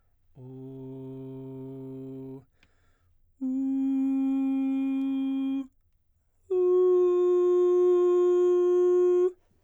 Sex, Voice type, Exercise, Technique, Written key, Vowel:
male, baritone, long tones, full voice pianissimo, , u